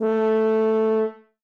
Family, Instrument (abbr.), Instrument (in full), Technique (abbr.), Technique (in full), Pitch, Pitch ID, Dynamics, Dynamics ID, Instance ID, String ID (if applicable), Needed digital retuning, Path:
Brass, BTb, Bass Tuba, ord, ordinario, A3, 57, ff, 4, 0, , FALSE, Brass/Bass_Tuba/ordinario/BTb-ord-A3-ff-N-N.wav